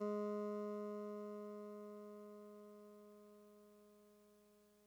<region> pitch_keycenter=44 lokey=43 hikey=46 tune=-3 volume=25.419203 lovel=0 hivel=65 ampeg_attack=0.004000 ampeg_release=0.100000 sample=Electrophones/TX81Z/Clavisynth/Clavisynth_G#1_vl1.wav